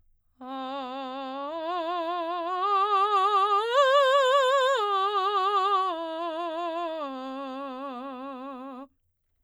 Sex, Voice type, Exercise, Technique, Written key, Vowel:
female, soprano, arpeggios, vibrato, , a